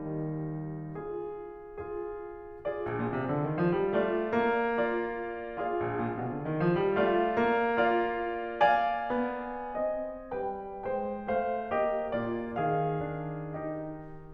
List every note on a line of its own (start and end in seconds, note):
0.00 0.50 D#3
0.96 1.82 F4
0.96 1.82 G#4
1.82 2.64 F4
1.82 2.64 G#4
2.65 3.95 F4
2.65 3.95 G#4
2.65 3.95 D5
2.79 2.97 A#1
2.97 3.13 A#2
3.13 3.32 C3
3.32 3.49 D3
3.51 3.63 D#3
3.65 3.81 F3
3.82 3.95 G3
3.95 4.33 A3
3.95 4.82 D4
3.95 4.82 D5
4.33 5.83 A#3
4.83 5.68 D4
4.83 5.68 D5
5.68 7.01 F4
5.68 7.01 G#4
5.68 7.01 D5
5.68 7.01 F5
5.84 6.05 A#1
6.06 6.19 A#2
6.20 6.35 C3
6.35 6.49 D3
6.50 6.68 D#3
6.68 6.84 F3
6.84 7.01 G3
7.02 7.37 A3
7.02 7.76 F4
7.02 7.76 D5
7.02 7.76 F5
7.38 9.09 A#3
7.77 8.60 F4
7.77 8.60 D5
7.77 8.60 F5
8.61 9.79 D5
8.61 9.79 F5
8.61 10.33 G#5
9.10 9.79 B3
9.79 10.33 C4
9.79 10.33 D#5
10.36 10.84 G3
10.36 10.84 B4
10.36 10.84 G5
10.86 11.25 G#3
10.86 11.25 C5
10.86 11.25 G5
11.25 11.73 A3
11.25 11.73 C5
11.25 11.73 F5
11.74 13.10 A#3
11.74 12.14 G4
11.74 12.14 D#5
12.16 12.55 A#2
12.16 12.55 F4
12.16 12.55 G#4
12.16 12.55 D5
12.56 14.13 D#3
12.56 13.62 G#4
12.56 13.62 F5
13.10 13.62 D4
13.63 14.13 D#4
13.63 14.13 G4
13.63 14.13 D#5